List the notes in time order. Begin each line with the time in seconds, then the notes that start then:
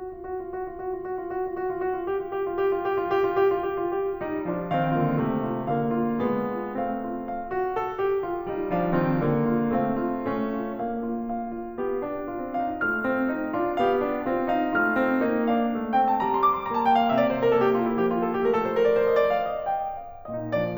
0.00 F#4
0.13 F4
0.31 F#4
0.49 F4
0.59 F#4
0.70 F4
0.80 F#4
0.95 F4
1.04 F#4
1.28 F4
1.39 F#4
1.51 F4
1.70 F#4
1.79 F4
1.88 F#4
1.97 F4
2.10 G4
2.26 F4
2.36 G4
2.46 F4
2.60 G4
2.73 F4
2.81 G4
2.93 F4
3.03 G4
3.27 F4
3.37 G4
3.51 F4
3.61 G4
3.84 F4
3.96 G4
4.11 F4
4.21 G3 D#4
4.47 F3 D4 F4
4.68 D#3 C4 F5
4.92 D3 A#3 F4
5.18 C3 A3
5.45 F4
5.69 D3 A#3 F5
5.92 F4
6.23 G#3 B3
6.57 F4
6.80 A3 C4 F5
7.00 F4
7.27 F5
7.51 F#4
7.77 A4
8.02 G4
8.23 F4
8.48 G3 D#4 F4
8.70 F3 D4
8.94 D#3 C4 F4
9.16 D3 A#3
9.49 F4
9.72 A3 C4 F5
9.90 F4
10.23 A3 C#4
10.60 F4
10.83 A#3 D4
11.06 F4
11.28 F5
11.53 F4
11.75 B3 G4
12.04 D4
12.32 C4 F4
12.55 D#4
12.82 A3 F4 F6
13.04 C4
13.31 A#3 D#4
13.49 D4 F4
13.76 B3 G4 F5
14.00 D4
14.26 C4 F4
14.47 D#4
14.73 A3 F4 F6
14.99 C4
15.22 A#3 D#4
15.49 D4 F5
15.73 A3
15.98 C4 G5
16.07 A5
16.17 G3 A#5
16.29 C6
16.38 D6
16.54 C6
16.64 A#3 A#5
16.74 A5
16.85 G5
16.96 F5
17.10 C3 E5
17.19 D5
17.29 C5
17.38 A#4
17.52 A#3 A4
17.65 G4
17.74 F4
17.86 E4
18.01 F3 G4
18.10 F4
18.24 A4
18.38 G4
18.48 A3 A#4
18.63 A4
18.77 C5
18.90 A#4
18.99 D5
19.09 C5
19.19 D#5
19.30 D5
19.40 F5
19.53 E5
19.71 G5
19.85 F5
20.18 A#2 D#4 D#5
20.56 F3 D4 D5